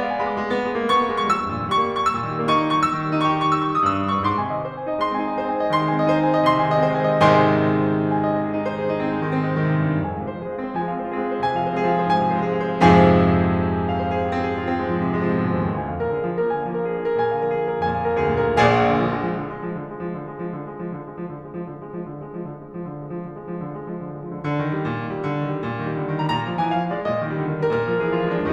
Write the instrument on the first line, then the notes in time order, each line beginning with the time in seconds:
piano
0.00 F5
0.10 G#3 G#5
0.22 B5
0.35 G#3 D6
0.45 B3
0.59 G#3
0.77 A#3
0.89 B3 C#6
1.07 A#3
1.18 G#3 C#6
1.32 G3 E6
1.43 G2
1.53 A#2
1.64 D#3 C#6
1.79 G3
1.88 A#3 C#6
2.00 E6
2.15 A#2
2.31 D#3
2.44 G3 C#6
2.53 A#3
2.65 D#4 C#6
2.74 E6
2.87 D#3
3.00 G3
3.10 A#3 C#6
3.20 D#4
3.31 G4 C#6
3.42 E6
3.53 C#6
3.72 D#6
3.83 G2 E6
3.97 D#6
4.12 G2 C#6
4.26 G#2 C6
4.44 C3 G#5
4.54 D#3 D#5
4.66 G#3 C5
4.77 C4 G#5
4.88 D#4 D#5
4.99 G#3 C6
5.10 C4 G#5
5.20 D#4 D#5
5.34 G#4 C5
5.46 C4 G#5
5.58 D#4 D#5
5.69 D#3 C6
5.84 G#3 G#5
5.96 C4 D#5
6.07 D#4 C5
6.19 G#3 G#5
6.33 C4 D#5
6.44 C3 C6
6.56 D#3 G#5
6.69 G#3 D#5
6.80 C4 C5
6.93 D#3 G#5
7.09 G#3 D#5
7.26 G#2 C3 D#3 G#3 C5 D#5 G#5 C6
8.14 G#5
8.24 D#5
8.34 C5
8.45 G#4
8.56 D#4
8.68 C5
8.78 G#4
8.90 D#4
9.02 C4
9.14 G#3
9.24 D#3
9.37 C4
9.47 G#3
9.58 D#3
9.69 C3
9.82 G#2
9.90 G2
10.02 F2 G#5
10.11 G#2 F5
10.23 C3 C5
10.34 F3 G#4
10.47 G#3 F5
10.58 C4 C5
10.72 F3 G#5
10.83 G#3 F5
10.96 C4 C5
11.05 F4 G#4
11.15 G#3 F5
11.27 C4 C5
11.38 C3 G#5
11.55 F3 F5
11.68 G#3 C5
11.75 C4 G#4
11.84 F3 F5
11.95 G#3 C5
12.06 G#2 G#5
12.18 C3 F5
12.28 F3 C5
12.42 G#3 G#4
12.53 C3 F5
12.67 F3 C5
12.81 F2 G#2 C3 F3 G#4 C5 F5 G#5
13.82 F5
13.93 C5
14.04 G#4
14.15 F4
14.27 C4
14.37 G#4
14.50 F4
14.62 C4
14.70 G#3
14.80 F3
14.97 C3
15.08 G#3
15.17 F3
15.28 C3
15.37 G#2
15.51 F2
15.62 D#2
15.73 D2 G#5
15.85 F2 F5
15.95 A#2 A#4
16.08 D3 G#4
16.21 F3 F5
16.34 A#3 A#4
16.44 D3 G#5
16.56 F3 F5
16.68 A#3 A#4
16.80 D4 G#4
16.94 F3 F5
17.04 A#3 A#4
17.19 A#2 G#5
17.29 D3 F5
17.39 F3 A#4
17.46 A#3 G#4
17.57 D3 F5
17.67 F3 A#4
17.76 F2 G#5
17.87 A#2 F5
17.98 F3 A#4
18.10 D2 G#4
18.22 A#2 F5
18.33 D3 A#4
18.46 A#1 A#2 G#4 D5 F5 G#5
18.56 D3
18.73 F3
18.85 G#3
18.97 F3
19.08 D3
19.18 G#3
19.30 F3
19.40 D3
19.53 G#3
19.64 F3
19.78 D3
19.93 G#3
20.03 F3
20.17 D3
20.28 G#3
20.41 F3
20.55 D3
20.68 G#3
20.84 F3
20.93 D3
21.06 G#3
21.16 F3
21.28 D3
21.47 G#3
21.58 F3
21.73 D3
21.86 G#3
21.97 F3
22.08 D3
22.22 G#3
22.33 F3
22.44 D3
22.57 G#3
22.67 F3
22.84 D3
22.96 G#3
23.10 F3
23.23 D3
23.37 G#3
23.49 F3
23.61 D3
23.74 G#3
23.89 F3
24.10 D3
24.30 D3
24.57 D#3
24.74 G3
24.88 A#2
25.07 D#3
25.19 G3
25.31 D3
25.43 D#3
25.58 G3
25.68 A#2
25.82 D#3
25.94 G3
26.04 D3
26.16 D#3
26.25 G3 A#5
26.37 A#2 A#5
26.47 F3
26.61 G#3 G#5
26.73 E3 F5
26.84 F3
26.95 G#3 D5
27.05 A#2 D#5
27.20 D#3
27.31 G3
27.42 D3
27.54 D#3
27.63 G3 A#4
27.79 A#2 A#4
27.91 F3
28.05 G#3 G#4
28.15 E3 F4
28.27 F3
28.40 G#3 D4